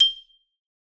<region> pitch_keycenter=91 lokey=88 hikey=93 volume=1.258899 lovel=84 hivel=127 ampeg_attack=0.004000 ampeg_release=15.000000 sample=Idiophones/Struck Idiophones/Xylophone/Hard Mallets/Xylo_Hard_G6_ff_01_far.wav